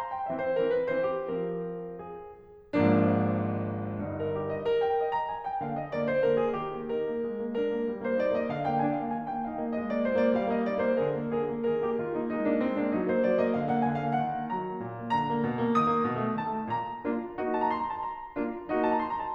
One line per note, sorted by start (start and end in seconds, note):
0.00 0.14 A#5
0.14 0.29 G5
0.29 0.63 E3
0.29 0.63 C4
0.29 0.48 E5
0.48 0.63 C5
0.64 0.92 E3
0.64 0.92 C4
0.64 0.77 A#4
0.78 0.92 B4
0.93 1.35 E3
0.93 1.35 C4
0.93 1.14 C5
1.17 1.35 G4
1.35 2.41 F3
1.35 2.41 C4
1.35 2.08 A#4
2.08 2.41 G#4
2.76 3.97 G#1
2.76 3.97 G#2
2.76 3.97 F3
2.76 3.97 A#3
2.76 3.97 D4
3.97 4.37 G1
3.97 4.37 G2
3.97 4.18 D#4
4.18 4.37 A#4
4.37 4.50 G4
4.50 4.69 D#5
4.69 4.83 A#4
4.83 4.95 G5
4.96 5.15 D#5
5.17 5.34 A#5
5.35 5.50 G#5
5.50 5.65 G5
5.65 5.96 D3
5.65 5.96 A#3
5.65 5.80 F5
5.80 5.96 D#5
5.96 6.26 D3
5.96 6.26 A#3
5.96 6.10 D5
6.10 6.26 C5
6.26 6.59 D3
6.26 6.59 A#3
6.26 6.43 A#4
6.43 6.59 G#4
6.59 6.73 D#3
6.59 6.91 G4
6.73 6.91 A#3
6.92 7.07 D#4
6.92 7.59 A#4
7.08 7.27 A#3
7.28 7.44 G#3
7.44 7.59 A#3
7.59 7.72 D4
7.59 8.01 A#4
7.72 7.86 A#3
7.86 8.01 G3
8.01 8.21 A#3
8.01 8.21 C5
8.21 8.37 D#4
8.21 8.37 D5
8.37 8.52 A#3
8.37 8.52 D#5
8.52 8.70 D3
8.52 8.70 F5
8.70 8.84 A#3
8.70 8.84 G5
8.85 9.00 D4
8.85 9.00 G#5
9.01 9.14 A#3
9.01 9.14 F5
9.15 9.29 D#3
9.15 9.29 G#5
9.30 9.45 A#3
9.30 9.45 G5
9.45 9.60 D#4
9.45 9.60 F5
9.60 9.82 A#3
9.60 9.82 D#5
9.82 9.97 G#3
9.82 9.97 D#5
9.97 10.12 A#3
9.97 10.12 D5
10.12 10.27 F4
10.12 10.27 C5
10.27 10.40 A#3
10.27 10.40 D5
10.40 10.55 G3
10.40 10.55 F5
10.55 10.68 A#3
10.55 10.68 D#5
10.68 10.81 D#4
10.68 10.81 D5
10.82 10.99 A#3
10.82 10.99 C5
11.01 11.18 D3
11.01 11.34 G#4
11.01 11.34 A#4
11.19 11.34 A#3
11.34 11.52 D3
11.34 11.69 G#4
11.34 11.69 A#4
11.52 11.69 A#3
11.69 11.87 D#3
11.69 11.87 G#4
11.69 13.06 A#4
11.87 12.00 A#3
11.87 12.00 G4
12.00 12.14 D#3
12.00 12.14 F4
12.14 12.32 A#3
12.14 12.32 D#4
12.32 12.47 G#3
12.32 12.47 D#4
12.47 12.60 A#3
12.47 12.60 D4
12.60 12.75 G#3
12.60 12.75 C4
12.76 12.91 A#3
12.76 12.91 D4
12.92 13.06 F#3
12.92 13.06 D#4
13.08 13.22 A#3
13.08 13.22 C5
13.24 13.40 F#3
13.24 13.40 D5
13.40 13.56 A#3
13.40 13.56 D#5
13.56 13.75 D3
13.56 13.75 F5
13.75 13.90 A#3
13.75 13.90 F#5
13.90 14.06 D3
13.90 14.06 G#5
14.06 14.22 A#3
14.06 14.22 F5
14.22 14.42 D#3
14.22 14.55 F#5
14.42 14.55 A#3
14.55 14.71 F#3
14.55 15.12 A#5
14.71 14.80 A#3
14.80 14.95 A#2
14.97 15.12 A#3
15.13 15.26 D3
15.13 15.80 A#5
15.26 15.42 A#3
15.42 15.57 B2
15.57 15.80 A#3
15.80 15.94 D#3
15.80 16.37 D#6
15.94 16.07 A#3
16.07 16.21 C3
16.21 16.37 A3
16.37 16.53 D#3
16.37 16.68 A5
16.53 16.68 A3
16.70 17.02 A#2
16.70 17.53 A#5
17.03 17.37 A#3
17.03 17.37 D4
17.03 17.37 F4
17.37 18.02 A#3
17.37 18.02 D#4
17.37 18.02 F#4
17.53 17.60 A5
17.61 17.72 A#5
17.72 17.82 C6
17.82 17.91 A#5
17.91 18.02 A5
18.02 18.81 A#5
18.38 18.70 A#3
18.38 18.70 D4
18.38 18.70 F4
18.70 19.35 A#3
18.70 19.35 D#4
18.70 19.35 F#4
18.81 18.91 A5
18.91 19.02 A#5
19.03 19.13 C6
19.13 19.26 A#5
19.26 19.35 A5